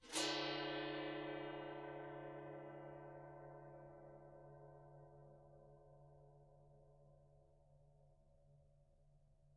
<region> pitch_keycenter=62 lokey=62 hikey=62 volume=5.000000 offset=889 ampeg_attack=0.004000 ampeg_release=2.000000 sample=Idiophones/Struck Idiophones/Gong 1/gong_scrape_mf.wav